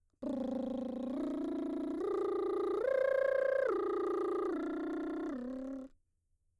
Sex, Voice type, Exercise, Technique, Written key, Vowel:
female, mezzo-soprano, arpeggios, lip trill, , o